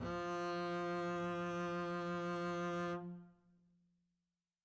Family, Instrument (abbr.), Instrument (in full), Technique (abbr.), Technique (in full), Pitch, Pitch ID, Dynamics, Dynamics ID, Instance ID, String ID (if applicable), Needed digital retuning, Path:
Strings, Cb, Contrabass, ord, ordinario, F3, 53, mf, 2, 0, 1, FALSE, Strings/Contrabass/ordinario/Cb-ord-F3-mf-1c-N.wav